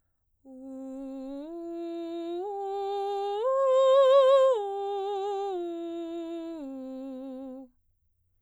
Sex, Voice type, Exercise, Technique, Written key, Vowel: female, soprano, arpeggios, straight tone, , u